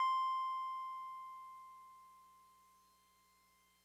<region> pitch_keycenter=84 lokey=83 hikey=86 volume=21.077786 lovel=0 hivel=65 ampeg_attack=0.004000 ampeg_release=0.100000 sample=Electrophones/TX81Z/Piano 1/Piano 1_C5_vl1.wav